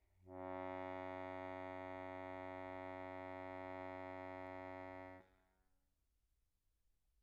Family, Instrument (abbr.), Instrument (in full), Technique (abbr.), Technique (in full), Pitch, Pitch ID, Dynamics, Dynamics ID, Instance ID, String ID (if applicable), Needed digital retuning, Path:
Keyboards, Acc, Accordion, ord, ordinario, F#2, 42, pp, 0, 0, , FALSE, Keyboards/Accordion/ordinario/Acc-ord-F#2-pp-N-N.wav